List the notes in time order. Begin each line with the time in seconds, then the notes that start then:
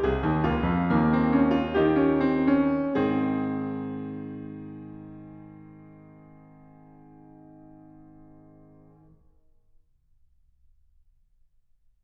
0.00 C2 G#4
0.21 D#2
0.39 C#2 A#3 F4
0.66 F2
0.93 D#2 A#3
1.11 C4
1.35 C#4
1.59 F4
1.79 D#3 D#4 G4
2.02 C#4
2.26 C4
2.60 C#4
3.00 G#2 C4 G#4
3.04 D#3